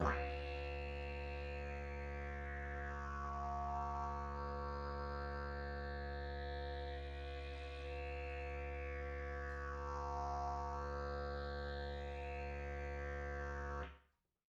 <region> pitch_keycenter=70 lokey=70 hikey=70 volume=5.000000 ampeg_attack=0.004000 ampeg_release=1.000000 sample=Aerophones/Lip Aerophones/Didgeridoo/Didgeridoo1_Sus8_Main.wav